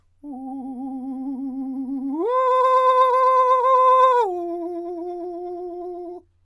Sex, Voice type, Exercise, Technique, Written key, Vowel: male, countertenor, long tones, trillo (goat tone), , u